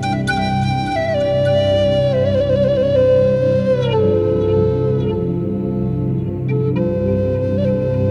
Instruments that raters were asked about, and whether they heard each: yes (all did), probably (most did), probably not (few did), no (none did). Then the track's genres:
flute: yes
New Age; Instrumental